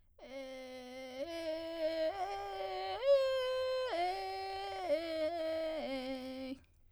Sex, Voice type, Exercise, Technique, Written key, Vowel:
female, soprano, arpeggios, vocal fry, , e